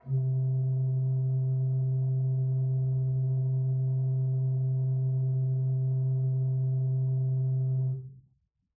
<region> pitch_keycenter=48 lokey=48 hikey=49 offset=449 ampeg_attack=0.004000 ampeg_release=0.300000 amp_veltrack=0 sample=Aerophones/Edge-blown Aerophones/Renaissance Organ/8'/RenOrgan_8foot_Room_C2_rr1.wav